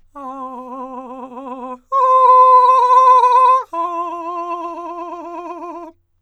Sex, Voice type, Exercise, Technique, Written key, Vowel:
male, countertenor, long tones, trillo (goat tone), , a